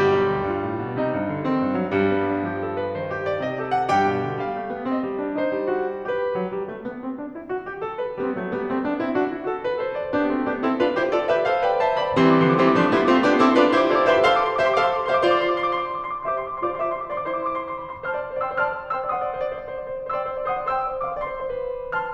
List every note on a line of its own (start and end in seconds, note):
0.00 0.16 G1
0.00 1.95 G3
0.00 0.51 G4
0.16 0.34 B1
0.34 0.51 D2
0.51 0.67 G2
0.51 1.01 F4
0.67 0.82 A2
0.84 1.01 B2
1.01 1.18 C3
1.01 1.51 D#4
1.18 1.34 G2
1.34 1.51 D3
1.51 1.65 D#3
1.51 1.95 C4
1.66 1.78 G2
1.78 1.95 F#3
1.95 3.91 G2
1.95 2.45 G3
2.14 2.31 B3
2.31 2.45 D4
2.46 2.97 F3
2.46 2.64 G4
2.64 2.80 A4
2.80 2.97 B4
2.97 3.44 D#3
2.97 3.11 C5
3.11 3.27 G4
3.29 3.44 D5
3.44 3.91 C3
3.44 3.56 D#5
3.56 3.76 G4
3.76 3.91 F#5
3.91 4.11 G2
3.91 6.08 G4
3.91 4.41 G5
4.12 4.30 B2
4.30 4.41 D3
4.41 4.55 G3
4.41 4.88 F5
4.55 4.71 A3
4.71 4.88 B3
4.89 5.06 C4
4.89 5.40 D#5
5.06 5.22 G3
5.22 5.40 D4
5.40 5.55 D#4
5.40 6.08 C5
5.55 5.84 G3
5.85 6.08 F#4
6.08 6.32 G4
6.08 6.32 B4
6.32 6.51 F#3
6.51 6.70 G3
6.70 6.85 A3
6.87 7.05 B3
7.05 7.20 C4
7.20 7.36 D4
7.36 7.48 E4
7.48 7.65 F#4
7.66 7.81 G4
7.81 8.00 A4
8.00 8.19 B4
8.19 8.36 G3
8.19 8.36 B3
8.36 8.50 F#3
8.36 8.50 A3
8.51 8.65 G3
8.51 8.65 B3
8.65 8.79 A3
8.65 8.79 C4
8.79 8.99 B3
8.79 8.99 D4
8.99 9.15 C4
8.99 9.15 E4
9.15 9.31 D4
9.15 9.31 F#4
9.31 9.45 E4
9.31 9.45 G4
9.45 9.61 F#4
9.45 9.61 A4
9.61 9.76 G4
9.61 9.76 B4
9.76 9.94 A4
9.76 9.94 C5
9.94 10.14 B4
9.94 10.14 D5
10.15 10.32 B3
10.15 10.32 D4
10.15 10.32 G4
10.32 10.48 A3
10.32 10.48 C4
10.32 10.48 F#4
10.48 10.65 B3
10.48 10.65 D4
10.48 10.65 G4
10.65 10.79 C4
10.65 10.79 E4
10.65 10.79 A4
10.79 10.96 D4
10.79 10.96 F4
10.79 10.96 B4
10.97 11.11 E4
10.97 11.11 G4
10.97 11.11 C5
11.11 11.28 F4
11.11 11.28 A4
11.11 11.28 D5
11.28 11.42 G4
11.28 11.42 B4
11.28 11.42 E5
11.42 11.61 A4
11.42 11.61 C5
11.42 11.61 F5
11.61 11.81 B4
11.61 11.81 D5
11.61 11.81 G5
11.81 11.97 C5
11.81 11.97 E5
11.81 11.97 A5
11.81 11.88 C6
11.97 12.19 D5
11.97 12.19 F5
11.97 12.19 B5
12.19 12.43 E3
12.19 12.43 G3
12.19 12.43 C4
12.19 12.32 C6
12.24 12.36 D6
12.33 12.43 C6
12.33 12.49 D6
12.43 12.63 D3
12.43 12.63 F3
12.43 12.63 B3
12.43 12.54 C6
12.49 12.57 D6
12.54 12.63 C6
12.59 12.68 D6
12.63 12.79 E3
12.63 12.79 G3
12.63 12.79 C4
12.63 12.71 C6
12.68 12.79 C6
12.68 12.76 D6
12.76 12.97 F3
12.76 12.97 A3
12.76 12.97 D4
12.76 12.88 C6
12.76 12.83 D6
12.83 12.92 D6
12.88 12.97 C6
12.92 13.01 D6
12.97 13.11 G3
12.97 13.11 B3
12.97 13.11 E4
12.97 13.05 C6
13.03 13.11 C6
13.03 13.08 D6
13.08 13.26 A3
13.08 13.26 C4
13.08 13.26 F4
13.08 13.18 C6
13.08 13.14 D6
13.14 13.22 D6
13.19 13.26 C6
13.19 13.31 D6
13.26 13.42 B3
13.26 13.42 D4
13.26 13.42 G4
13.26 13.35 C6
13.31 13.37 D6
13.35 13.42 C6
13.35 13.46 D6
13.42 13.55 C4
13.42 13.55 E4
13.42 13.55 A4
13.42 13.50 C6
13.42 13.53 D6
13.50 13.55 C6
13.50 13.58 D6
13.56 13.72 D4
13.56 13.72 F4
13.56 13.72 B4
13.56 13.63 C6
13.56 13.68 D6
13.63 13.72 C6
13.68 13.76 D6
13.72 13.90 E4
13.72 13.90 G4
13.72 13.90 C5
13.72 13.80 C6
13.77 13.90 C6
13.77 13.85 D6
13.85 13.94 D6
13.90 14.08 F4
13.90 14.08 A4
13.90 14.08 D5
13.90 13.98 C6
13.94 14.04 D6
13.99 14.08 C6
14.04 14.12 D6
14.08 14.23 C5
14.08 14.23 E5
14.08 14.16 C6
14.08 14.20 D6
14.16 14.23 C6
14.21 14.58 A4
14.21 14.58 C5
14.21 14.58 F5
14.21 14.33 C6
14.21 14.28 D6
14.28 14.37 D6
14.33 14.41 C6
14.37 14.45 D6
14.42 14.50 C6
14.42 14.54 D6
14.50 14.58 C6
14.50 14.62 D6
14.58 14.76 G4
14.58 14.76 C5
14.58 14.76 E5
14.58 14.66 C6
14.63 14.76 C6
14.63 14.71 D6
14.71 14.80 D6
14.76 15.08 A4
14.76 15.08 C5
14.76 15.08 F5
14.76 14.84 C6
14.80 14.88 D6
14.85 14.92 C6
14.85 14.97 D6
14.92 15.00 C6
14.97 15.08 C6
14.97 15.03 D6
15.05 15.23 G4
15.05 15.23 C5
15.05 15.23 E5
15.05 15.15 C6
15.05 15.13 D6
15.13 15.23 C6
15.13 15.20 D6
15.20 15.28 D6
15.24 15.60 G4
15.24 15.60 C5
15.24 15.60 D5
15.24 15.33 C6
15.24 15.37 D6
15.33 15.42 C6
15.37 15.46 D6
15.42 15.51 C6
15.48 15.60 C6
15.48 15.56 D6
15.56 15.66 D6
15.60 15.70 C6
15.66 15.74 D6
15.71 15.80 C6
15.71 15.85 D6
15.80 15.89 C6
15.85 15.93 D6
15.89 15.98 C6
15.94 16.04 C6
15.94 16.01 D6
16.01 16.11 C6
16.01 16.08 D6
16.08 16.18 C6
16.08 16.15 D6
16.15 16.28 C6
16.15 16.23 D6
16.23 16.32 D6
16.28 16.61 G4
16.28 16.61 C5
16.28 16.61 E5
16.28 16.37 C6
16.34 16.47 C6
16.34 16.42 D6
16.42 16.50 D6
16.47 16.53 C6
16.47 16.57 D6
16.54 16.61 C6
16.54 16.65 D6
16.61 16.74 F4
16.61 16.74 C5
16.61 16.74 D5
16.61 16.67 C6
16.61 16.71 D6
16.67 16.74 C6
16.72 17.10 G4
16.72 17.10 C5
16.72 17.10 E5
16.72 16.83 C6
16.72 16.79 D6
16.79 16.88 D6
16.83 16.92 C6
16.88 16.96 D6
16.93 17.01 C6
16.93 17.06 D6
17.01 17.10 C6
17.06 17.14 D6
17.10 17.25 F4
17.10 17.25 C5
17.10 17.25 D5
17.10 17.16 C6
17.15 17.25 C6
17.15 17.21 D6
17.21 17.28 D6
17.25 17.57 E4
17.25 17.57 C5
17.25 17.30 C6
17.25 17.36 D6
17.31 17.40 C6
17.36 17.44 D6
17.40 17.48 C6
17.40 17.52 D6
17.48 17.57 C6
17.53 17.66 C6
17.53 17.61 D6
17.61 17.71 D6
17.66 17.74 C6
17.71 17.79 D6
17.75 17.83 C6
17.75 17.87 D6
17.83 17.89 C6
17.83 17.91 D6
17.89 17.93 C6
17.89 17.98 C6
17.89 17.96 D6
17.96 18.07 B5
17.96 17.98 D6
17.96 18.02 D6
18.02 18.07 C6
18.07 18.16 C5
18.07 18.40 A5
18.07 18.40 C6
18.07 18.40 F6
18.11 18.19 D5
18.16 18.23 C5
18.20 18.32 C5
18.20 18.27 D5
18.27 18.37 D5
18.32 18.40 C5
18.37 18.45 D5
18.41 18.51 C5
18.41 18.55 D5
18.41 18.60 G5
18.41 18.60 C6
18.41 18.60 E6
18.51 18.60 C5
18.55 18.63 D5
18.60 18.67 C5
18.60 18.91 A5
18.60 18.91 C6
18.60 18.91 F6
18.65 18.74 C5
18.65 18.72 D5
18.72 18.82 C5
18.72 18.78 D5
18.78 18.87 D5
18.83 18.91 C5
18.83 18.98 D5
18.91 19.03 C5
18.91 19.11 G5
18.91 19.11 C6
18.91 19.11 E6
18.98 19.06 D5
19.03 19.11 C5
19.08 19.21 C5
19.08 19.17 D5
19.08 19.42 F#5
19.08 19.42 C6
19.08 19.42 D#6
19.17 19.26 D5
19.21 19.30 C5
19.26 19.32 D5
19.31 19.37 C5
19.31 19.39 D5
19.37 19.42 C5
19.37 19.46 D5
19.42 19.52 C5
19.47 19.57 D5
19.52 19.62 C5
19.57 19.67 D5
19.62 19.70 C5
19.67 19.75 D5
19.71 19.80 C5
19.71 19.83 D5
19.80 19.88 C5
19.80 19.91 D5
19.88 19.96 C5
19.92 20.04 C5
19.92 20.00 D5
20.00 20.11 C5
20.00 20.07 D5
20.07 20.15 D5
20.12 20.20 C5
20.12 20.25 D5
20.12 20.42 G5
20.12 20.42 C6
20.12 20.42 E6
20.20 20.29 C5
20.25 20.31 D5
20.29 20.34 C5
20.29 20.39 D5
20.34 20.42 C5
20.39 20.50 C5
20.39 20.47 D5
20.39 20.58 F#5
20.39 20.58 C6
20.39 20.58 D#6
20.47 20.55 D5
20.51 20.58 C5
20.51 20.63 D5
20.58 20.68 C5
20.58 20.96 G5
20.58 20.96 C6
20.58 20.96 E6
20.63 20.71 D5
20.68 20.77 C5
20.72 20.82 D5
20.77 20.86 C5
20.82 20.92 D5
20.86 20.96 C5
20.92 21.00 D5
20.97 21.05 C5
20.97 21.10 D5
20.97 21.11 F5
20.97 21.11 C6
20.97 21.11 D6
21.05 21.11 C5
21.10 21.16 C5
21.10 21.14 D5
21.10 21.37 E5
21.10 21.37 C6
21.14 21.23 C5
21.14 21.19 D5
21.19 21.27 D5
21.23 21.30 C5
21.23 21.34 D5
21.32 21.37 C5
21.32 21.40 D5
21.37 21.43 C5
21.37 21.46 D5
21.43 21.50 C5
21.43 21.55 D5
21.50 21.58 C5
21.55 21.65 C5
21.55 21.63 D5
21.63 21.73 C5
21.63 21.70 D5
21.70 21.82 C5
21.70 21.78 D5
21.78 21.88 C5
21.78 21.85 D5
21.78 21.98 C6
21.86 21.98 B4
21.86 21.93 D5
21.93 21.98 C5
21.98 22.14 A5
21.98 22.14 C6
21.98 22.14 F6